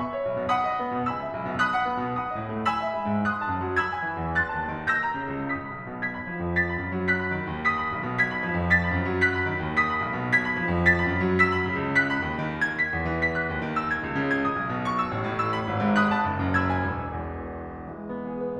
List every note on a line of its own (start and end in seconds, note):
0.00 0.52 E5
0.00 0.52 B5
0.00 0.52 C#6
0.12 0.52 C#5
0.28 0.41 B1
0.42 0.52 B2
0.52 1.09 F#5
0.52 1.09 B5
0.52 1.09 D#6
0.66 1.09 D#5
0.80 0.94 B3
0.95 1.09 B2
1.09 1.60 G#5
1.09 1.60 B5
1.09 1.60 E6
1.23 1.60 E5
1.37 1.49 B1
1.50 1.60 B2
1.60 2.18 B5
1.60 2.18 D#6
1.60 2.18 F#6
1.75 2.18 F#5
1.89 2.04 B3
2.07 2.18 B2
2.19 2.67 F#5
2.19 2.67 B5
2.19 2.67 D#6
2.29 2.67 D#5
2.41 2.55 A2
2.57 2.67 A3
2.68 3.24 G#5
2.68 3.24 B5
2.68 3.24 E6
2.84 3.24 E5
2.97 3.09 G#3
3.10 3.24 G#2
3.25 3.75 B5
3.25 3.75 D#6
3.25 3.75 F#6
3.37 3.75 A5
3.49 3.62 F#2
3.63 3.75 F#3
3.76 4.37 B5
3.76 4.37 E6
3.76 4.37 G#6
3.89 4.37 G#5
4.04 4.21 E3
4.21 4.37 E2
4.38 4.90 C6
4.38 4.90 F#6
4.38 4.90 A6
4.50 4.90 A5
4.61 4.78 D#2
4.78 4.90 D#3
4.91 5.47 E6
4.91 5.47 G6
4.91 5.47 A#6
5.06 5.47 A#5
5.17 5.35 C#3
5.35 5.47 C#2
5.48 5.99 D#6
5.48 5.99 B6
5.62 5.99 B5
5.74 5.86 B1
5.86 5.99 B2
5.99 6.55 G#6
5.99 6.55 B6
6.13 6.55 B5
6.25 6.39 F3
6.39 6.55 F2
6.55 7.01 A6
6.55 7.01 B6
6.69 7.01 B5
6.82 6.91 F#2
6.91 7.01 F#3
7.01 7.65 F#6
7.01 7.65 B6
7.20 7.65 B5
7.33 7.49 D#3
7.49 7.65 D#2
7.65 8.17 D#6
7.65 8.17 B6
7.78 8.17 B5
7.91 8.03 B1
8.03 8.17 B2
8.17 8.72 G#6
8.17 8.72 B6
8.30 8.72 B5
8.44 8.56 F3
8.57 8.72 F2
8.72 9.21 A6
8.72 9.21 B6
8.82 9.21 B5
8.94 9.07 F#2
9.08 9.21 F#3
9.21 9.75 F#6
9.21 9.75 B6
9.32 9.75 B5
9.47 9.61 D#3
9.64 9.75 D#2
9.75 10.37 D#6
9.75 10.37 B6
9.95 10.37 B5
10.07 10.17 B1
10.18 10.37 B2
10.37 10.86 G#6
10.37 10.86 B6
10.50 10.86 B5
10.62 10.73 F3
10.74 10.86 F2
10.87 11.35 A6
10.87 11.35 B6
10.98 11.35 B5
11.11 11.23 F#2
11.23 11.35 F#3
11.37 11.90 E6
11.37 11.90 B6
11.52 11.90 B5
11.64 11.78 C#3
11.78 11.90 C#2
11.90 12.62 F#6
11.90 12.62 B6
12.09 12.62 B5
12.23 12.39 D#2
12.40 12.62 D#3
12.63 13.21 G#6
12.78 13.21 B6
12.92 13.04 E2
13.05 13.51 E3
13.21 13.77 B6
13.37 13.77 F#6
13.51 13.63 D#2
13.64 14.02 D#3
13.78 14.36 E6
13.90 14.36 G#6
14.02 14.23 C#2
14.26 14.61 C#3
14.37 14.85 G#6
14.48 14.85 D#6
14.61 14.72 B1
14.73 15.15 B2
14.86 15.41 C#6
14.99 15.41 E6
15.15 15.29 A1
15.29 15.67 A2
15.42 15.94 E6
15.53 15.94 B5
15.67 15.81 G#1
15.81 16.27 G#2
15.95 16.66 B5
15.95 16.66 D#6
15.95 16.66 F#6
16.16 16.66 A5
16.27 16.42 F#1
16.42 16.95 F#2
16.67 17.90 B5
16.67 17.90 E6
16.67 17.90 G#6
16.81 17.90 G#5
16.95 17.72 E1
17.72 17.90 E2
17.91 18.60 E3
17.91 18.16 G#3
18.18 18.60 B3
18.34 18.46 G#4
18.46 18.60 B4